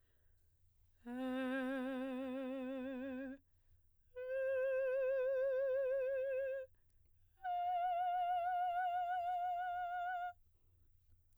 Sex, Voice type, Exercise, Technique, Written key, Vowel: female, soprano, long tones, full voice pianissimo, , e